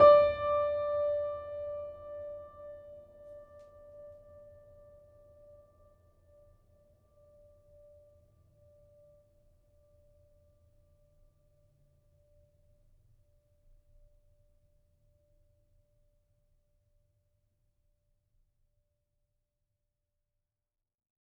<region> pitch_keycenter=74 lokey=74 hikey=75 volume=0.289080 lovel=0 hivel=65 locc64=65 hicc64=127 ampeg_attack=0.004000 ampeg_release=0.400000 sample=Chordophones/Zithers/Grand Piano, Steinway B/Sus/Piano_Sus_Close_D5_vl2_rr1.wav